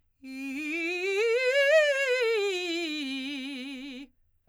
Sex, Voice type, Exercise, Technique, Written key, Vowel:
female, soprano, scales, fast/articulated forte, C major, i